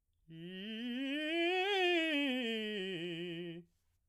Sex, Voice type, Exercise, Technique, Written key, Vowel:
male, baritone, scales, fast/articulated piano, F major, i